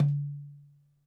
<region> pitch_keycenter=60 lokey=60 hikey=60 volume=12.519861 lovel=0 hivel=83 seq_position=2 seq_length=2 ampeg_attack=0.004000 ampeg_release=30.000000 sample=Membranophones/Struck Membranophones/Darbuka/Darbuka_1_hit_vl1_rr1.wav